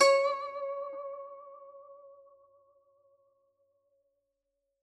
<region> pitch_keycenter=73 lokey=73 hikey=74 volume=1.243081 lovel=84 hivel=127 ampeg_attack=0.004000 ampeg_release=0.300000 sample=Chordophones/Zithers/Dan Tranh/Vibrato/C#4_vib_ff_1.wav